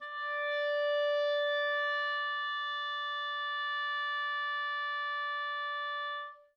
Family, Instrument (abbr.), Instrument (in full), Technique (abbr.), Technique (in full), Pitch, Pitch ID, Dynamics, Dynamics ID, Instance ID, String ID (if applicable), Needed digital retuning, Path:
Winds, ClBb, Clarinet in Bb, ord, ordinario, D5, 74, mf, 2, 0, , FALSE, Winds/Clarinet_Bb/ordinario/ClBb-ord-D5-mf-N-N.wav